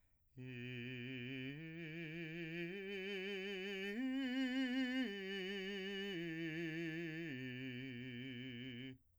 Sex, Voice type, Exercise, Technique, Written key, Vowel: male, , arpeggios, slow/legato piano, C major, i